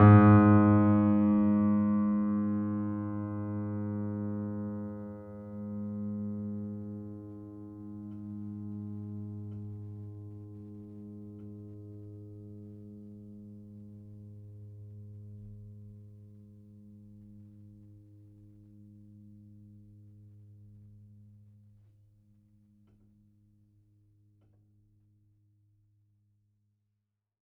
<region> pitch_keycenter=44 lokey=44 hikey=45 volume=0.903780 lovel=0 hivel=65 locc64=65 hicc64=127 ampeg_attack=0.004000 ampeg_release=0.400000 sample=Chordophones/Zithers/Grand Piano, Steinway B/Sus/Piano_Sus_Close_G#2_vl2_rr1.wav